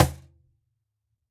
<region> pitch_keycenter=60 lokey=60 hikey=60 volume=-3.560042 lovel=100 hivel=127 seq_position=1 seq_length=2 ampeg_attack=0.004000 ampeg_release=30.000000 sample=Idiophones/Struck Idiophones/Cajon/Cajon_hit1_fff_rr2.wav